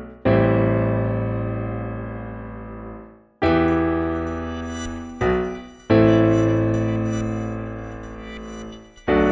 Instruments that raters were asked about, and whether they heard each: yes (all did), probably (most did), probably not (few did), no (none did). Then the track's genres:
piano: yes
Pop; Folk; Indie-Rock